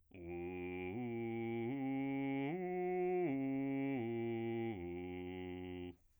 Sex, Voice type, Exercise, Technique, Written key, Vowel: male, bass, arpeggios, slow/legato piano, F major, u